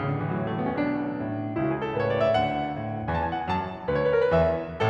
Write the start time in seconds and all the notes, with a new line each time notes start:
0.01 A1 C#3
0.11 D3
0.21 E3
0.28 F#3
0.39 A2 G#3
0.48 A3
0.60 B3
0.73 C#4
0.82 B1 B2 D4
1.12 A2
1.58 C#2 C#3 E4
1.69 F#4
1.76 G#4
1.84 A4
1.92 A2 B4
2.00 C#5
2.12 D5
2.23 E5
2.32 D2 D3 F#5
2.76 A2
3.07 E2 E3 G#5
3.12 A5
3.18 G#5
3.24 A5
3.30 F#5
3.41 G#5
3.51 F#2 F#3 A5
3.91 D2 D3 B4
3.95 C#5
4.01 B4
4.06 C#5
4.13 A#4
4.23 B4
4.32 E2 E3 E5